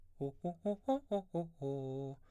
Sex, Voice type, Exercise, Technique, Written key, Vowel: male, baritone, arpeggios, fast/articulated piano, C major, o